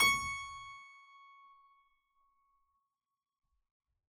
<region> pitch_keycenter=85 lokey=85 hikey=85 volume=-3.051442 trigger=attack ampeg_attack=0.004000 ampeg_release=0.400000 amp_veltrack=0 sample=Chordophones/Zithers/Harpsichord, Unk/Sustains/Harpsi4_Sus_Main_C#5_rr1.wav